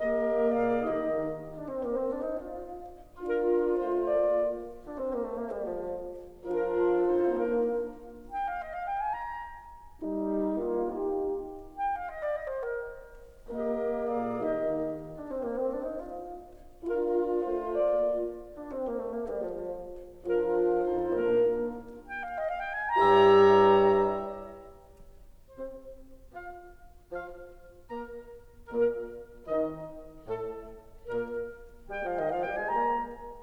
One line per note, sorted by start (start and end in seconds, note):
0.00 0.81 G#3
0.00 0.49 A#3
0.00 0.81 A#3
0.00 0.49 G4
0.00 0.49 A#4
0.00 0.49 D#5
0.49 0.81 A#2
0.49 0.81 G#4
0.49 0.81 D5
0.49 0.81 F5
0.81 1.02 D#3
0.81 1.02 D#4
0.81 1.02 G4
0.81 1.02 D#5
1.61 1.71 D4
1.71 1.81 C4
1.81 2.01 A#3
2.01 2.12 C4
2.12 2.23 D4
2.23 2.39 D#4
2.39 2.66 F4
3.34 3.75 D4
3.34 4.02 F4
3.34 3.75 A#4
3.75 4.02 A3
3.75 4.02 C5
4.02 4.26 A#3
4.02 4.26 F4
4.02 4.26 D5
4.85 4.96 D4
4.96 5.14 C4
5.14 5.24 A#3
5.24 5.34 A3
5.34 5.48 A#3
5.48 5.61 G3
5.61 5.85 F3
6.54 7.11 F3
6.54 7.11 D4
6.54 7.29 F4
6.54 7.11 A#4
7.11 7.30 F2
7.11 7.30 D#4
7.11 7.30 A4
7.11 7.30 C5
7.30 7.58 A#2
7.30 7.58 A#3
7.30 7.58 D4
7.30 7.58 A#4
8.30 8.44 G5
8.44 8.53 F5
8.53 8.74 D#5
8.74 8.86 F5
8.86 9.01 G5
9.01 9.23 G#5
9.23 9.56 A#5
10.07 10.58 G3
10.07 10.58 D#4
10.58 10.89 A#3
10.58 10.89 F4
10.89 11.27 D#4
10.89 11.27 G4
11.82 11.97 G5
11.97 12.09 F5
12.09 12.25 D#5
12.25 12.35 D5
12.35 12.53 D#5
12.53 12.71 C5
12.71 12.98 A#4
13.55 14.38 G#3
13.55 14.15 A#3
13.55 14.38 A#3
13.55 14.15 G4
13.55 14.15 A#4
13.55 14.15 D#5
14.15 14.38 A#2
14.15 14.38 G#4
14.15 14.38 D5
14.15 14.38 F5
14.38 14.73 D#3
14.38 14.73 D#4
14.38 14.73 G4
14.38 14.73 D#5
15.16 15.29 D4
15.29 15.44 C4
15.44 15.57 A#3
15.57 15.66 C4
15.66 15.87 D4
15.87 15.96 D#4
15.96 16.29 F4
16.89 17.39 D4
16.89 17.68 F4
16.89 17.69 F4
16.89 17.39 A#4
17.39 17.69 A3
17.39 17.69 C5
17.69 17.94 A#3
17.69 17.94 F4
17.69 17.94 D5
18.55 18.74 D4
18.74 18.87 C4
18.87 18.96 A#3
18.96 19.10 A3
19.10 19.24 A#3
19.24 19.41 G3
19.41 19.80 F3
20.29 20.79 F3
20.29 20.79 D4
20.29 21.13 F4
20.29 20.79 A#4
20.79 21.13 F2
20.79 21.13 D#4
20.79 21.13 A4
20.79 21.13 C5
21.13 21.44 A#2
21.13 21.43 A#3
21.13 21.44 D4
21.13 21.44 A#4
22.08 22.21 G5
22.21 22.36 F5
22.36 22.45 D#5
22.45 22.58 F5
22.58 22.73 G5
22.73 22.95 G#5
22.95 24.01 G2
22.95 24.01 G3
22.95 24.01 E4
22.95 24.01 G4
22.95 24.01 C#5
22.95 24.01 E5
22.95 24.01 A#5
24.01 24.47 G2
24.01 24.46 G3
24.01 24.47 E4
24.01 24.46 G4
24.01 24.47 C#5
24.01 24.47 A#5
24.47 24.76 E5
25.57 25.81 C4
25.57 25.81 C5
26.34 26.58 F4
26.34 26.58 F5
27.11 27.33 F3
27.11 27.33 F4
27.11 27.33 F5
27.91 28.22 A#3
27.91 28.22 A#4
27.91 28.22 A#5
28.71 28.97 A#2
28.71 28.97 A#3
28.71 28.97 A#4
29.48 29.71 D#3
29.48 29.71 D#4
29.48 29.71 D#5
30.29 30.53 A2
30.29 30.53 A4
30.53 30.84 A3
31.06 31.30 A#2
31.06 31.30 A#3
31.06 31.30 A#4
31.88 32.02 G3
31.88 32.02 G5
32.02 32.14 F3
32.02 32.14 F5
32.14 32.26 D#3
32.14 32.26 D#5
32.26 32.40 F3
32.26 32.40 F5
32.40 32.59 G3
32.40 32.59 G5
32.59 32.69 G#3
32.59 32.69 G#5
32.69 33.00 A#3
32.69 33.00 A#5